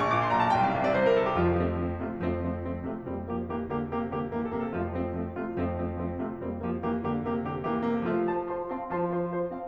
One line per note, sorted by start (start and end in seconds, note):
0.01 0.10 A#2
0.01 0.10 C#6
0.10 0.22 A#1
0.10 0.22 D6
0.22 0.32 A#2
0.22 0.32 C6
0.32 0.41 B1
0.32 0.41 A#5
0.43 0.51 B2
0.43 0.51 A5
0.53 0.65 C2
0.53 0.65 G5
0.66 0.74 C3
0.66 0.74 F5
0.75 0.84 C2
0.75 0.84 E5
0.85 0.97 C3
0.85 0.97 D5
0.97 1.07 C2
0.97 1.07 C5
1.07 1.17 C3
1.07 1.17 A#4
1.18 1.29 C2
1.18 1.29 A4
1.29 1.39 C3
1.29 1.39 G4
1.39 2.22 F2
1.39 1.60 F3
1.39 1.60 F4
1.60 1.82 F3
1.60 1.82 A3
1.60 1.82 C4
1.82 2.02 F3
1.82 2.02 A3
1.82 2.02 C4
2.02 2.22 C3
2.02 2.22 A3
2.02 2.22 F4
2.23 3.06 F2
2.23 2.47 F3
2.23 2.47 A3
2.23 2.47 C4
2.47 2.65 F3
2.47 2.65 A3
2.47 2.65 C4
2.66 2.89 F3
2.66 2.89 A3
2.66 2.89 C4
2.89 3.06 C3
2.89 3.06 A3
2.89 3.06 F4
3.06 4.74 F2
3.06 3.24 G3
3.06 3.24 A#3
3.06 3.24 C4
3.24 3.46 F3
3.24 3.46 A#3
3.24 3.46 G4
3.46 3.68 E3
3.46 3.68 A#3
3.46 3.68 G4
3.71 3.90 D3
3.71 3.90 A#3
3.71 3.90 G4
3.90 4.09 C3
3.90 4.09 A#3
3.90 4.09 G4
4.10 4.32 D3
4.10 4.32 A#3
4.10 4.32 G4
4.32 4.52 E3
4.32 4.41 A#3
4.32 4.41 G4
4.41 4.52 A4
4.53 4.74 C3
4.53 4.63 A#3
4.53 4.63 G4
4.64 4.74 A4
4.74 5.57 F2
4.74 4.92 F3
4.74 4.92 F4
4.92 5.14 F3
4.92 5.14 A3
4.92 5.14 C4
5.14 5.33 F3
5.14 5.33 A3
5.14 5.33 C4
5.33 5.57 C3
5.33 5.57 A3
5.33 5.57 F4
5.58 6.41 F2
5.58 5.79 F3
5.58 5.79 A3
5.58 5.79 C4
5.79 6.01 F3
5.79 6.01 A3
5.79 6.01 C4
6.03 6.20 F3
6.03 6.20 A3
6.03 6.20 C4
6.20 6.41 C3
6.20 6.41 A3
6.20 6.41 F4
6.41 8.09 F2
6.41 6.64 G3
6.41 6.64 A#3
6.41 6.64 C4
6.64 6.85 F3
6.64 6.85 A#3
6.64 6.85 G4
6.85 7.04 E3
6.85 7.04 A#3
6.85 7.04 G4
7.05 7.24 D3
7.05 7.24 A#3
7.05 7.24 G4
7.24 7.43 C3
7.24 7.43 A#3
7.24 7.43 G4
7.46 7.67 D3
7.46 7.67 A#3
7.46 7.67 G4
7.67 7.89 E3
7.67 7.81 A#3
7.67 7.81 G4
7.81 7.89 A4
7.89 8.09 C3
7.89 7.98 A#3
7.89 7.98 G4
8.01 8.09 A4
8.09 8.87 F3
8.09 8.31 A3
8.09 8.31 F4
8.31 8.52 F4
8.31 8.52 C5
8.31 8.52 A5
8.31 8.52 C6
8.53 8.70 F4
8.53 8.70 C5
8.53 8.70 A5
8.53 8.70 C6
8.70 8.87 C4
8.70 8.87 F5
8.70 8.87 A5
8.70 8.87 C6
8.88 9.68 F3
8.88 9.08 F4
8.88 9.08 C5
8.88 9.08 A5
8.88 9.08 C6
9.08 9.29 F4
9.08 9.29 C5
9.08 9.29 A5
9.08 9.29 C6
9.30 9.48 F4
9.30 9.48 C5
9.30 9.48 A5
9.30 9.48 C6
9.48 9.68 C4
9.48 9.68 F5
9.48 9.68 A5
9.48 9.68 C6